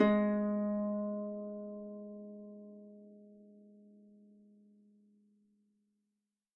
<region> pitch_keycenter=56 lokey=56 hikey=57 tune=-7 volume=6.480280 xfin_lovel=70 xfin_hivel=100 ampeg_attack=0.004000 ampeg_release=30.000000 sample=Chordophones/Composite Chordophones/Folk Harp/Harp_Normal_G#2_v3_RR1.wav